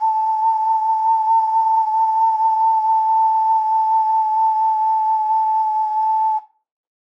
<region> pitch_keycenter=81 lokey=81 hikey=81 tune=-8 volume=1.959666 trigger=attack ampeg_attack=0.004000 ampeg_release=0.200000 sample=Aerophones/Edge-blown Aerophones/Ocarina, Typical/Sustains/SusVib/StdOcarina_SusVib_A4.wav